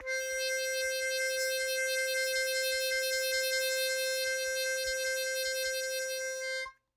<region> pitch_keycenter=72 lokey=71 hikey=74 volume=13.674840 trigger=attack ampeg_attack=0.1 ampeg_release=0.100000 sample=Aerophones/Free Aerophones/Harmonica-Hohner-Special20-F/Sustains/HandVib/Hohner-Special20-F_HandVib_C4.wav